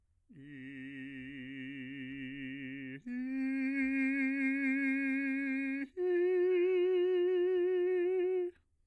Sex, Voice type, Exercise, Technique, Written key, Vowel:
male, bass, long tones, full voice pianissimo, , i